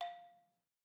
<region> pitch_keycenter=77 lokey=75 hikey=80 volume=16.336435 offset=193 lovel=66 hivel=99 ampeg_attack=0.004000 ampeg_release=30.000000 sample=Idiophones/Struck Idiophones/Balafon/Traditional Mallet/EthnicXylo_tradM_F4_vl2_rr1_Mid.wav